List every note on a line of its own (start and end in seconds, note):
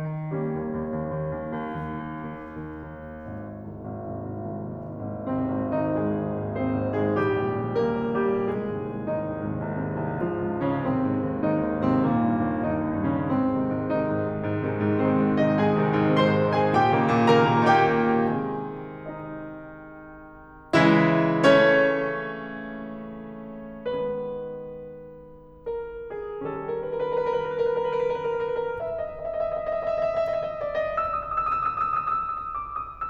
0.00 0.16 D#3
0.17 0.36 D#3
0.36 1.23 G3
0.36 1.23 A#3
0.36 1.23 C#4
0.59 0.98 D#2
1.00 1.23 D#2
1.23 1.47 D#2
1.47 1.75 D#2
1.78 2.07 D#2
2.07 2.23 D#2
2.23 2.44 D#2
2.44 2.64 D#2
2.64 2.89 D#2
2.90 3.08 D#2
3.08 3.30 D#2
3.30 3.62 G#1
3.62 3.81 C2
3.62 3.81 D#2
3.62 3.81 G#2
3.82 4.02 G#1
4.02 4.20 C2
4.02 4.20 D#2
4.02 4.20 G#2
4.20 4.40 G#1
4.40 4.54 C2
4.40 4.54 D#2
4.40 4.54 G#2
4.55 4.77 G#1
4.78 5.03 C2
4.78 5.03 D#2
4.78 5.03 G#2
5.03 5.27 G#1
5.27 5.48 C2
5.27 5.48 D#2
5.27 5.48 G#2
5.27 5.82 C3
5.27 5.82 C4
5.49 5.71 G#1
5.72 5.94 C2
5.72 5.94 D#2
5.72 5.94 G#2
5.82 5.94 D#3
5.82 5.94 D#4
5.94 6.13 G#1
5.94 6.56 G#3
5.94 6.56 G#4
6.13 6.34 C2
6.13 6.34 D#2
6.13 6.34 G#2
6.34 6.56 G#1
6.57 6.82 C2
6.57 6.82 D#2
6.57 6.82 G#2
6.57 7.14 C4
6.57 7.14 C5
6.82 7.02 G#1
7.02 7.24 C2
7.02 7.24 D#2
7.02 7.24 G#2
7.15 7.24 G#3
7.15 7.24 G#4
7.24 7.43 A#1
7.24 7.85 G3
7.24 7.85 G4
7.44 7.63 C#2
7.44 7.63 D#2
7.44 7.63 A#2
7.64 7.85 A#1
7.85 8.12 C#2
7.85 8.12 D#2
7.85 8.12 A#2
7.85 8.43 A#3
7.85 8.43 A#4
8.12 8.32 A#1
8.32 8.56 C#2
8.32 8.56 D#2
8.32 8.56 A#2
8.43 8.56 G3
8.43 8.56 G4
8.56 8.74 C2
8.56 9.10 G#3
8.56 9.10 G#4
8.74 8.93 D#2
8.74 8.93 G#2
8.74 8.93 C3
8.93 9.10 C2
9.10 9.31 D#2
9.10 9.31 G#2
9.10 9.31 C3
9.10 10.19 D#3
9.10 10.19 D#4
9.32 9.50 C2
9.51 9.68 D#2
9.51 9.68 G#2
9.51 9.68 C3
9.68 9.86 C2
9.86 10.01 D#2
9.86 10.01 G#2
9.86 10.01 C3
10.02 10.19 C2
10.21 10.40 G#2
10.21 10.68 F3
10.21 10.68 F4
10.40 10.59 C#2
10.59 10.79 G#2
10.69 10.79 C#3
10.69 10.79 C#4
10.79 11.01 D#2
10.79 11.42 C3
10.79 11.42 C4
11.02 11.23 G#2
11.23 11.42 D#2
11.42 11.62 G#2
11.42 11.98 D#3
11.42 11.98 D#4
11.62 11.87 D#2
11.88 12.09 G#2
11.98 12.09 C3
11.98 12.09 C4
12.10 12.27 D#2
12.10 12.61 A#2
12.10 12.61 A#3
12.27 12.39 G2
12.39 12.61 D#2
12.61 12.83 G2
12.61 13.15 D#3
12.61 13.15 D#4
12.84 13.03 D#2
13.03 13.27 G2
13.17 13.27 C#3
13.17 13.27 C#4
13.27 13.51 G#2
13.27 13.87 C4
13.51 13.69 C3
13.51 13.69 D#3
13.51 13.69 G#3
13.70 13.87 G#2
13.89 14.07 C3
13.89 14.07 D#3
13.89 14.07 G#3
13.89 15.05 D#4
14.07 14.23 G#2
14.23 14.43 C3
14.23 14.43 D#3
14.23 14.43 G#3
14.43 14.61 G#2
14.62 14.83 C3
14.62 14.83 D#3
14.62 14.83 G#3
14.83 15.05 G#2
15.05 15.21 C3
15.05 15.21 D#3
15.05 15.21 G#3
15.05 15.51 C4
15.05 15.51 C5
15.21 15.41 G#2
15.42 15.60 C3
15.42 15.60 D#3
15.42 15.60 G#3
15.51 15.60 D#4
15.51 15.60 D#5
15.62 15.79 G#2
15.62 16.16 G#4
15.62 16.16 G#5
15.79 15.94 C3
15.79 15.94 D#3
15.79 15.94 G#3
15.94 16.16 G#2
16.17 16.35 C3
16.17 16.35 D#3
16.17 16.35 G#3
16.17 16.64 C5
16.17 16.64 C6
16.36 16.54 G#2
16.54 16.74 C3
16.54 16.74 D#3
16.54 16.74 G#3
16.65 16.74 G#4
16.65 16.74 G#5
16.74 16.92 A#2
16.74 17.37 G4
16.74 17.37 G5
16.92 17.11 C#3
16.92 17.11 D#3
16.92 17.11 A#3
17.14 17.37 A#2
17.37 17.59 C#3
17.37 17.59 D#3
17.37 17.59 A#3
17.37 18.11 A#4
17.37 18.11 A#5
17.59 17.87 A#2
17.87 18.23 C#3
17.87 18.23 D#3
17.87 18.23 A#3
18.11 18.23 G4
18.11 18.23 G5
18.25 20.79 C3
18.25 20.79 D#3
18.25 20.79 G#3
18.25 20.79 C4
18.25 19.04 G#4
18.25 19.04 G#5
19.04 20.79 D#4
19.04 20.79 D#5
20.79 23.84 C#3
20.79 23.84 E3
20.79 21.48 G#3
20.79 21.48 E4
20.79 21.48 E5
21.48 23.84 A3
21.48 23.84 C#4
21.48 23.84 C#5
23.84 26.37 D#3
23.84 26.37 G#3
23.84 26.37 B3
23.84 25.67 B4
25.67 26.15 A#4
26.16 26.37 G#4
26.38 28.71 D#3
26.38 28.71 G3
26.38 28.71 C#4
26.38 26.49 A4
26.42 26.54 A#4
26.49 26.62 B4
26.55 26.67 A#4
26.62 26.70 B4
26.67 26.76 A#4
26.71 26.80 B4
26.76 26.84 A#4
26.76 26.88 B4
26.84 26.91 A#4
26.89 27.00 A#4
26.89 26.96 B4
26.96 27.04 B4
27.02 27.05 A#4
27.02 27.14 A#4
27.02 27.09 B4
27.10 27.17 B4
27.14 27.20 A#4
27.14 27.24 B4
27.20 27.26 A#4
27.20 27.31 B4
27.26 27.34 A#4
27.31 27.40 B4
27.35 27.40 A#4
27.40 27.49 B4
27.45 27.55 A#4
27.50 27.61 B4
27.55 27.65 A#4
27.61 27.72 B4
27.67 27.77 A#4
27.72 27.81 B4
27.77 27.85 A#4
27.82 27.91 B4
27.86 27.93 A#4
27.91 28.05 A#4
27.91 27.98 B4
27.99 28.10 B4
28.05 28.15 A#4
28.10 28.22 B4
28.18 28.27 A#4
28.22 28.37 B4
28.27 28.43 A#4
28.39 28.48 B4
28.43 28.56 A#4
28.48 28.60 B4
28.57 28.67 A#4
28.57 28.71 B4
28.67 28.71 A#4
28.71 28.83 E5
28.77 28.87 D#5
28.83 28.92 E5
28.87 28.98 D#5
28.93 29.01 E5
28.98 29.06 D#5
28.98 29.12 E5
29.07 29.18 D#5
29.12 29.22 E5
29.18 29.27 D#5
29.23 29.33 E5
29.28 29.40 D#5
29.33 29.47 E5
29.40 29.54 D#5
29.49 29.61 E5
29.54 29.69 D#5
29.61 29.74 E5
29.70 29.79 D#5
29.74 29.84 E5
29.79 29.90 D#5
29.85 29.94 E5
29.90 29.98 D#5
29.94 30.07 D#5
29.94 30.01 E5
30.02 30.12 E5
30.07 30.16 D#5
30.12 30.19 E5
30.17 30.23 D#5
30.17 30.27 E5
30.23 30.34 D#5
30.28 30.39 E5
30.34 30.42 D#5
30.39 30.48 D#5
30.39 30.45 E5
30.45 30.57 D#5
30.45 30.52 E5
30.52 30.60 E5
30.57 30.64 D#5
30.57 30.66 E5
30.64 30.69 D#5
30.64 30.72 E5
30.69 30.77 D#5
30.69 30.82 E5
30.78 30.87 D#5
30.82 30.91 E5
30.87 30.99 D5
30.87 30.94 D#5
30.94 30.99 D#5
30.99 31.03 D#6
30.99 31.09 E6
31.03 31.15 D#6
31.10 31.20 E6
31.15 31.24 D#6
31.20 31.30 E6
31.25 31.36 D#6
31.30 31.40 E6
31.36 31.46 D#6
31.42 31.47 E6
31.46 31.52 D#6
31.46 31.57 E6
31.53 31.63 D#6
31.58 31.67 E6
31.63 31.70 D#6
31.67 31.75 D#6
31.67 31.73 E6
31.73 31.86 D#6
31.73 31.80 E6
31.81 31.90 E6
31.86 31.93 D#6
31.90 32.01 D#6
31.90 31.96 E6
31.96 32.06 E6
32.01 32.08 D#6
32.07 32.17 D#6
32.07 32.14 E6
32.14 32.28 D#6
32.14 32.22 E6
32.23 32.31 E6
32.28 32.35 D#6
32.28 32.39 E6
32.36 32.43 D#6
32.36 32.47 E6
32.43 32.53 D#6
32.48 32.57 E6
32.53 32.62 D#6
32.53 32.67 E6
32.64 32.72 D#6
32.64 32.76 E6
32.72 32.81 D#6
32.76 32.87 E6
32.82 32.90 D#6
32.87 33.01 D#6
32.87 32.95 E6
32.96 33.04 E6
33.01 33.10 D6
33.01 33.05 D#6
33.07 33.10 D#6